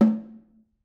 <region> pitch_keycenter=60 lokey=60 hikey=60 volume=6.301873 offset=208 lovel=84 hivel=106 seq_position=2 seq_length=2 ampeg_attack=0.004000 ampeg_release=15.000000 sample=Membranophones/Struck Membranophones/Snare Drum, Modern 1/Snare2_HitNS_v5_rr2_Mid.wav